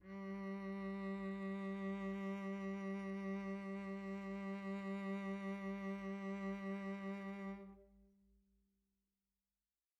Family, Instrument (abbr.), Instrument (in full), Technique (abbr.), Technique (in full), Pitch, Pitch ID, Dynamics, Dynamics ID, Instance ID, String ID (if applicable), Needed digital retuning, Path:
Strings, Vc, Cello, ord, ordinario, G3, 55, pp, 0, 1, 2, FALSE, Strings/Violoncello/ordinario/Vc-ord-G3-pp-2c-N.wav